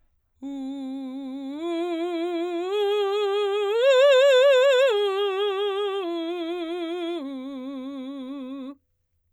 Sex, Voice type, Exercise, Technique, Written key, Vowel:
female, soprano, arpeggios, vibrato, , u